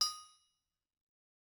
<region> pitch_keycenter=62 lokey=62 hikey=62 volume=20.951849 offset=261 lovel=66 hivel=99 ampeg_attack=0.004000 ampeg_release=15.000000 sample=Idiophones/Struck Idiophones/Anvil/Anvil_Hit3_v2_rr1_Mid.wav